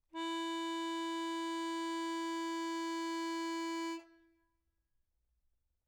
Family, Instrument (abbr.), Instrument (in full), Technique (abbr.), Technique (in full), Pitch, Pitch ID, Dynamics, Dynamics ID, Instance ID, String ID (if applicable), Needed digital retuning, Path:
Keyboards, Acc, Accordion, ord, ordinario, E4, 64, mf, 2, 2, , FALSE, Keyboards/Accordion/ordinario/Acc-ord-E4-mf-alt2-N.wav